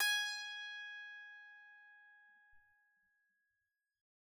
<region> pitch_keycenter=80 lokey=80 hikey=81 tune=-2 volume=13.181664 ampeg_attack=0.004000 ampeg_release=15.000000 sample=Chordophones/Zithers/Psaltery, Bowed and Plucked/Pluck/BowedPsaltery_G#4_Main_Pluck_rr3.wav